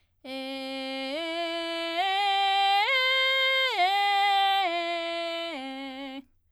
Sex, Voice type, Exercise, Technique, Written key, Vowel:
female, soprano, arpeggios, belt, , e